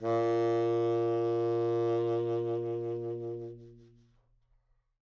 <region> pitch_keycenter=46 lokey=44 hikey=47 tune=6 volume=13.918139 ampeg_attack=0.004000 ampeg_release=0.500000 sample=Aerophones/Reed Aerophones/Tenor Saxophone/Vibrato/Tenor_Vib_Main_A#1_var2.wav